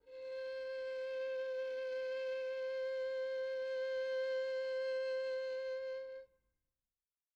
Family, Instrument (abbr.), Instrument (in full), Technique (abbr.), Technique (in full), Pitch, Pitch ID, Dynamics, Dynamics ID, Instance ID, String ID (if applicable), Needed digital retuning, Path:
Strings, Vn, Violin, ord, ordinario, C5, 72, pp, 0, 3, 4, FALSE, Strings/Violin/ordinario/Vn-ord-C5-pp-4c-N.wav